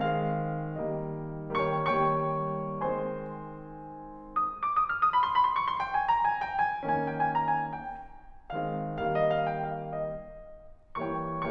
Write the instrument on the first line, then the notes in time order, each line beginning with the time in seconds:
piano
0.00 D#3 G#3 C4 F5
0.92 D#3 G3 A#3 D#5
1.61 G3 A#3 C#5 G5 C#6
1.81 D#3 G3 A#3 C#5 G5 C#6
2.75 D#3 G#3 C4 C5 G#5 C6
4.46 D#6
4.61 D6
4.75 D#6
4.92 F6
5.03 D#6
5.22 B5
5.35 C6
5.43 B5
5.53 C6
5.62 C#6
5.70 C6
5.78 G5
5.89 G#5
6.03 A#5
6.26 G#5
6.49 G5
6.70 G#5
6.83 D#3 A#3 C#4 G#5
6.95 G5
7.09 G#5
7.29 A#5
7.43 G#5
7.60 G5
8.53 D#3 G#3 C4 F5
8.96 D#3 G3 A#3 F5
9.16 D#5
9.35 F5
9.51 G5
9.75 F5
9.95 D#5
11.15 E3 G3 A#3 C#5 G5 C#6